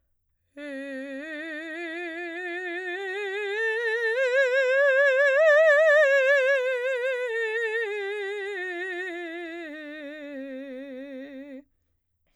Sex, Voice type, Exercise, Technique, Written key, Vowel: female, soprano, scales, slow/legato piano, C major, e